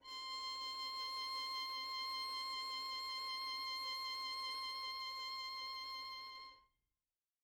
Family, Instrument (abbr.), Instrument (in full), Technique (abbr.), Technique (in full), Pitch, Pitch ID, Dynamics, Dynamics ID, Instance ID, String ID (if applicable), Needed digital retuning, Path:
Strings, Vn, Violin, ord, ordinario, C6, 84, mf, 2, 1, 2, FALSE, Strings/Violin/ordinario/Vn-ord-C6-mf-2c-N.wav